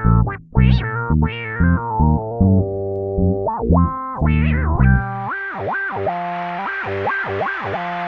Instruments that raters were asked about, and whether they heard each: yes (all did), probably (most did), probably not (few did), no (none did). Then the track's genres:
bass: yes
Electronic; Downtempo